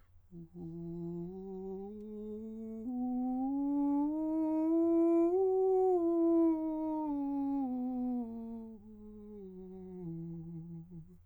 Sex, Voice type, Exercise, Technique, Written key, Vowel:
male, countertenor, scales, slow/legato piano, F major, u